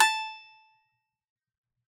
<region> pitch_keycenter=81 lokey=81 hikey=84 volume=-3.109807 lovel=100 hivel=127 ampeg_attack=0.004000 ampeg_release=15.000000 sample=Chordophones/Composite Chordophones/Strumstick/Finger/Strumstick_Finger_Str3_Main_A4_vl3_rr1.wav